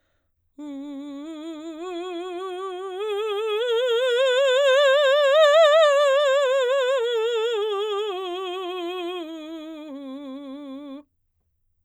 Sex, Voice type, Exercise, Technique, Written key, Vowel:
female, soprano, scales, slow/legato forte, C major, u